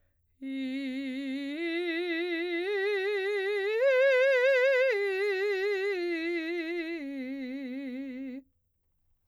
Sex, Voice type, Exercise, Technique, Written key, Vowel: female, soprano, arpeggios, slow/legato piano, C major, i